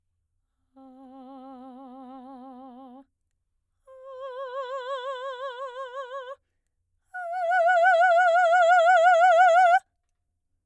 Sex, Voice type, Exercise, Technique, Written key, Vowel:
female, soprano, long tones, full voice pianissimo, , a